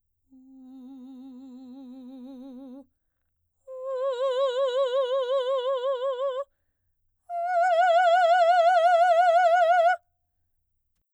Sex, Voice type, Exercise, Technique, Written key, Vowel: female, soprano, long tones, full voice pianissimo, , u